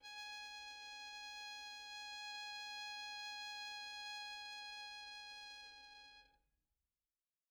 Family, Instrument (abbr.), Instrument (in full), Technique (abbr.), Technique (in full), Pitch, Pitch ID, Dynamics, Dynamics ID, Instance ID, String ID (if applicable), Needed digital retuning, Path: Strings, Vn, Violin, ord, ordinario, G#5, 80, pp, 0, 0, 1, FALSE, Strings/Violin/ordinario/Vn-ord-G#5-pp-1c-N.wav